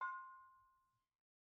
<region> pitch_keycenter=63 lokey=63 hikey=63 volume=16.931477 offset=281 lovel=66 hivel=99 ampeg_attack=0.004000 ampeg_release=10.000000 sample=Idiophones/Struck Idiophones/Brake Drum/BrakeDrum1_YarnM_v2_rr1_Mid.wav